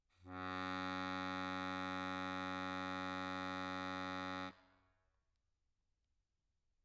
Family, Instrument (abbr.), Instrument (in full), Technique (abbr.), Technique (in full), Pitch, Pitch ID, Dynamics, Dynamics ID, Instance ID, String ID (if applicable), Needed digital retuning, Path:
Keyboards, Acc, Accordion, ord, ordinario, F#2, 42, mf, 2, 2, , FALSE, Keyboards/Accordion/ordinario/Acc-ord-F#2-mf-alt2-N.wav